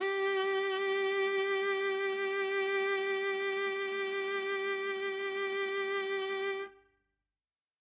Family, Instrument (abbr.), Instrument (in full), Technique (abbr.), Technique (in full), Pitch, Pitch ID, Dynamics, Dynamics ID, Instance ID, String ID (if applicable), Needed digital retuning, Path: Strings, Va, Viola, ord, ordinario, G4, 67, ff, 4, 3, 4, FALSE, Strings/Viola/ordinario/Va-ord-G4-ff-4c-N.wav